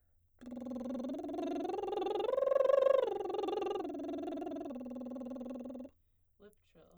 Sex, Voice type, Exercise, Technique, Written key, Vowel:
female, soprano, arpeggios, lip trill, , o